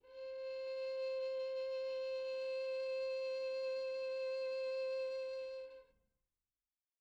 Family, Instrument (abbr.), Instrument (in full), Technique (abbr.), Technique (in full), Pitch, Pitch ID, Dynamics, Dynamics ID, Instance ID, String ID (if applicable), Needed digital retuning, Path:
Strings, Vn, Violin, ord, ordinario, C5, 72, pp, 0, 2, 3, FALSE, Strings/Violin/ordinario/Vn-ord-C5-pp-3c-N.wav